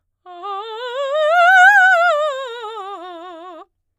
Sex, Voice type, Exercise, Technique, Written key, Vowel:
female, soprano, scales, fast/articulated piano, F major, a